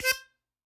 <region> pitch_keycenter=72 lokey=71 hikey=74 tune=12 volume=6.632705 seq_position=1 seq_length=2 ampeg_attack=0.004000 ampeg_release=0.300000 sample=Aerophones/Free Aerophones/Harmonica-Hohner-Special20-F/Sustains/Stac/Hohner-Special20-F_Stac_C4_rr1.wav